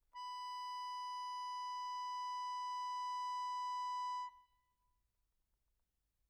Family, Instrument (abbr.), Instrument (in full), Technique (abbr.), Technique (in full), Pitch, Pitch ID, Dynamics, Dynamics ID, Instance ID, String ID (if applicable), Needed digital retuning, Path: Keyboards, Acc, Accordion, ord, ordinario, B5, 83, mf, 2, 0, , FALSE, Keyboards/Accordion/ordinario/Acc-ord-B5-mf-N-N.wav